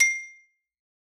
<region> pitch_keycenter=84 lokey=82 hikey=87 volume=2.663283 lovel=84 hivel=127 ampeg_attack=0.004000 ampeg_release=15.000000 sample=Idiophones/Struck Idiophones/Xylophone/Hard Mallets/Xylo_Hard_C6_ff_01_far.wav